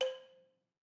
<region> pitch_keycenter=72 lokey=69 hikey=74 volume=9.385638 offset=185 lovel=100 hivel=127 ampeg_attack=0.004000 ampeg_release=30.000000 sample=Idiophones/Struck Idiophones/Balafon/Soft Mallet/EthnicXylo_softM_C4_vl3_rr2_Mid.wav